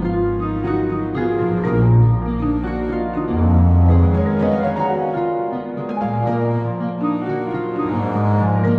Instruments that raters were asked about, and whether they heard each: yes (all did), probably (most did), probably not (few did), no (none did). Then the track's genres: piano: yes
cello: yes
Contemporary Classical